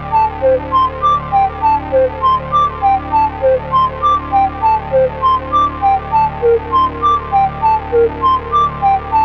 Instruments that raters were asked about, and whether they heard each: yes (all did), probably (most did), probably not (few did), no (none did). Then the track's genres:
banjo: no
flute: yes
guitar: no
Experimental; Ambient; Instrumental